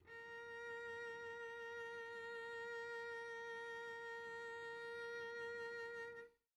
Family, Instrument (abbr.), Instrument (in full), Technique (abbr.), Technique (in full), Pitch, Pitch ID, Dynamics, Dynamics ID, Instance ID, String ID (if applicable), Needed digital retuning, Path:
Strings, Vc, Cello, ord, ordinario, A#4, 70, pp, 0, 1, 2, FALSE, Strings/Violoncello/ordinario/Vc-ord-A#4-pp-2c-N.wav